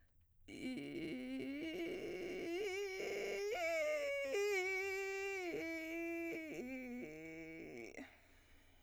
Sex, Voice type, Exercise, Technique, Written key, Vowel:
female, soprano, arpeggios, vocal fry, , i